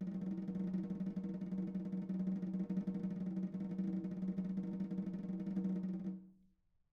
<region> pitch_keycenter=63 lokey=63 hikey=63 volume=19.202080 offset=222 lovel=0 hivel=83 ampeg_attack=0.004000 ampeg_release=0.3 sample=Membranophones/Struck Membranophones/Snare Drum, Modern 2/Snare3M_rollNS_v3_rr1_Mid.wav